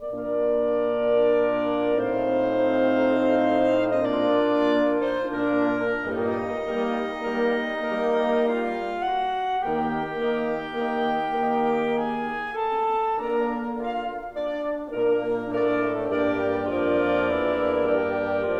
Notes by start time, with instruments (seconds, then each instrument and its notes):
0.00 bassoon A#2 A#3, horn A#3 D4, oboe F4, clarinet A#4 D5
2.22 bassoon A2 A3, horn C4 D#4, oboe F4, clarinet C5 F5
4.02 clarinet D#5
4.11 bassoon A#2 A#3, horn A#3 D4, clarinet F4 D5, oboe F4
5.02 clarinet D#4 C5
5.27 bassoon A#2 A#3, horn A#3 D4, clarinet D4 A#4
6.00 bassoon G2 G3, horn A#2 A#3, oboe D#4, clarinet D#4 D#5
6.62 bassoon G3, horn A#3, oboe A#4
7.15 bassoon G3, horn A#3, oboe A#4
7.95 bassoon G3, horn A#3, clarinet D#4, oboe A#4
8.53 clarinet F4 F5
9.02 clarinet F#4 F#5
9.64 bassoon D#2 D#3, horn A#3, clarinet G4 G5, oboe A#4
10.05 bassoon D#3 D#4, horn A#3, oboe A#4
10.47 bassoon D#3 D#4, horn A#3, oboe A#4
10.94 bassoon D#3 D#4, horn A#3, clarinet G4 G5, oboe A#4
11.58 clarinet G#4
11.85 clarinet G#5
12.09 clarinet A4
12.59 clarinet A5
13.21 bassoon D3 D4, horn A#3, clarinet A#4 A#5, oboe A#4
13.79 bassoon F4, clarinet F5
14.29 bassoon D4, clarinet D5
14.84 bassoon A#2 A#3, horn A#3 D4, clarinet A#4, oboe A#4
15.43 bassoon A2 A3, horn A#3 D4, oboe A4, clarinet A#4 D5
16.22 bassoon G2 G3, horn A#3 D4, oboe G4, clarinet A#4 D5
16.70 bassoon F2 F3, horn A#3 D4, oboe F4, clarinet A#4 D5
17.26 bassoon E2 E3, oboe E4
17.98 bassoon G2 G3, oboe G4